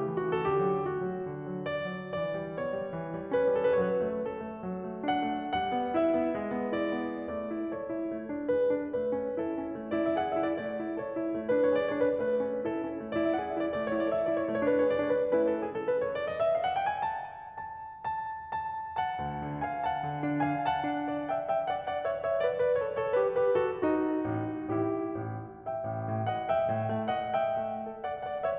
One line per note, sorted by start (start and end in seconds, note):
0.00 0.16 A3
0.00 0.35 G4
0.16 0.35 E3
0.37 0.65 D3
0.37 0.57 F#4
0.45 0.65 G4
0.57 0.77 A4
0.65 0.88 F#3
0.65 0.88 G4
0.91 1.08 A3
0.91 1.64 F#4
1.09 1.27 F#3
1.27 1.46 D3
1.47 1.64 F#3
1.65 1.86 B3
1.65 2.11 D5
1.86 2.11 F#3
2.12 2.29 E3
2.12 2.51 D5
2.30 2.51 G3
2.51 2.69 B3
2.51 3.29 C#5
2.71 2.90 G3
2.91 3.12 E3
3.12 3.29 G3
3.31 3.61 C#4
3.31 3.82 B4
3.61 3.82 G3
3.82 4.01 F#3
3.82 3.95 A4
3.88 4.01 B4
3.96 4.08 C#5
4.03 4.23 A3
4.03 4.23 B4
4.23 4.40 C#4
4.23 5.03 A4
4.42 4.64 A3
4.66 4.84 F#3
4.84 5.03 A3
5.04 5.38 D4
5.04 5.58 F#5
5.40 5.58 A3
5.58 5.75 G3
5.58 5.97 F#5
5.76 5.97 B3
5.98 6.18 E4
5.98 6.83 E5
6.18 6.44 B3
6.47 6.65 G#3
6.65 6.83 B3
6.83 7.07 E4
6.83 7.29 D5
7.08 7.29 B3
7.29 7.51 A3
7.29 7.69 D5
7.52 7.69 E4
7.69 7.85 A4
7.69 8.51 C#5
7.85 8.03 E4
8.08 8.30 A3
8.31 8.51 D4
8.51 8.73 G#4
8.51 8.96 B4
8.74 8.96 D4
8.97 9.14 A3
8.97 9.38 B4
9.14 9.38 C#4
9.39 9.54 E4
9.39 9.80 A4
9.57 9.80 C#4
9.80 9.96 A3
9.91 10.05 D5
10.00 10.17 E4
10.07 10.17 E5
10.17 10.36 G#4
10.17 10.30 F#5
10.31 10.43 E5
10.37 10.58 E4
10.43 10.58 D5
10.59 10.77 A3
10.59 10.98 D5
10.77 10.98 E4
10.99 11.18 A4
10.99 11.34 C#5
11.19 11.34 E4
11.34 11.51 A3
11.46 11.60 B4
11.54 11.73 D4
11.60 11.73 C#5
11.74 11.92 G#4
11.74 11.85 D5
11.88 11.99 C#5
11.92 12.18 D4
11.99 12.18 B4
12.24 12.42 A3
12.24 12.63 B4
12.43 12.63 C#4
12.63 12.82 E4
12.63 13.00 A4
12.84 13.00 C#4
13.00 13.11 A3
13.07 13.32 E4
13.07 13.15 D5
13.15 13.32 E5
13.33 13.56 G#4
13.33 13.49 F#5
13.49 13.61 E5
13.56 13.72 E4
13.62 13.72 D5
13.72 13.93 A3
13.72 13.84 D5
13.84 13.99 C#5
13.94 14.14 E4
14.00 14.14 D5
14.14 14.30 A4
14.14 14.26 E5
14.27 14.36 D5
14.32 14.48 E4
14.36 14.48 C#5
14.49 14.64 A3
14.49 14.58 C#5
14.59 14.70 B4
14.64 14.81 D4
14.70 14.81 C#5
14.83 15.00 G#4
14.83 14.95 D5
14.95 15.05 C#5
15.01 15.30 D4
15.06 15.30 B4
15.30 15.70 A3
15.30 15.70 C#4
15.30 15.70 E4
15.30 15.45 B4
15.46 15.58 A4
15.59 15.70 G#4
15.71 15.81 A4
15.84 15.96 B4
15.98 16.15 C#5
16.15 16.27 D5
16.28 16.43 D#5
16.44 16.57 E5
16.57 16.65 F5
16.66 16.75 F#5
16.76 16.86 G5
16.87 17.03 G#5
17.06 17.54 A5
17.55 18.07 A5
18.07 18.52 A5
18.54 18.97 A5
18.99 19.62 F#5
18.99 19.62 A5
19.18 19.45 D2
19.46 19.62 D3
19.64 19.81 F5
19.64 19.81 G#5
19.81 20.58 F#5
19.81 20.58 A5
19.97 20.14 D3
20.14 20.58 D4
20.58 20.75 F5
20.58 20.75 G#5
20.76 21.46 F#5
20.76 21.46 A5
20.96 21.26 D4
21.27 21.46 D5
21.47 21.62 E5
21.47 21.62 G5
21.62 21.79 E5
21.62 21.79 G5
21.82 21.95 D5
21.82 21.95 F#5
21.97 22.12 D5
21.97 22.12 F#5
22.12 22.29 C#5
22.12 22.29 E5
22.30 22.45 C#5
22.30 22.45 E5
22.47 22.62 B4
22.47 22.62 D5
22.62 22.77 B4
22.62 22.77 D5
22.78 22.94 A4
22.78 22.94 C#5
22.94 23.15 A4
22.94 23.15 C#5
23.15 23.37 G4
23.15 23.37 B4
23.38 23.57 G4
23.38 23.57 B4
23.57 23.82 F#4
23.57 23.82 A4
23.84 24.69 D#4
23.84 24.69 F#4
24.24 24.69 A1
24.71 25.23 A1
24.71 25.23 E4
24.71 25.23 G4
25.24 25.66 A1
25.66 26.28 E5
25.66 26.28 G5
25.88 26.03 A1
26.04 26.28 A2
26.28 26.51 D#5
26.28 26.51 F#5
26.52 27.07 E5
26.52 27.07 G5
26.70 26.90 A2
26.90 27.07 A3
27.09 27.36 D#5
27.09 27.36 F#5
27.36 28.01 E5
27.36 28.01 G5
27.60 27.84 A3
27.85 28.01 A4
28.01 28.19 D5
28.01 28.19 F#5
28.20 28.40 D5
28.20 28.40 F#5
28.41 28.58 C#5
28.41 28.58 E5